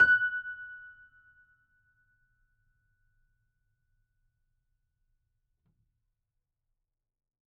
<region> pitch_keycenter=90 lokey=90 hikey=91 volume=-1.575831 lovel=100 hivel=127 locc64=0 hicc64=64 ampeg_attack=0.004000 ampeg_release=0.400000 sample=Chordophones/Zithers/Grand Piano, Steinway B/NoSus/Piano_NoSus_Close_F#6_vl4_rr1.wav